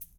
<region> pitch_keycenter=65 lokey=65 hikey=65 volume=18.985387 seq_position=1 seq_length=2 ampeg_attack=0.004000 ampeg_release=30.000000 sample=Idiophones/Struck Idiophones/Shaker, Small/Mid_ShakerHighFaster_Up_rr1.wav